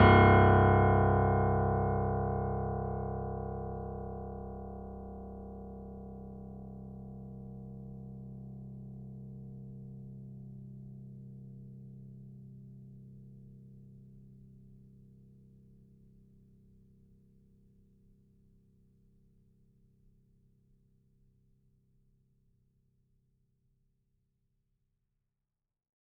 <region> pitch_keycenter=24 lokey=24 hikey=25 volume=1.747589 lovel=100 hivel=127 locc64=0 hicc64=64 ampeg_attack=0.004000 ampeg_release=0.400000 sample=Chordophones/Zithers/Grand Piano, Steinway B/NoSus/Piano_NoSus_Close_C1_vl4_rr1.wav